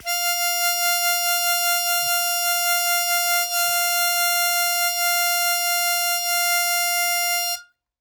<region> pitch_keycenter=77 lokey=75 hikey=79 tune=-1 volume=4.020936 trigger=attack ampeg_attack=0.100000 ampeg_release=0.100000 sample=Aerophones/Free Aerophones/Harmonica-Hohner-Special20-F/Sustains/Vib/Hohner-Special20-F_Vib_F4.wav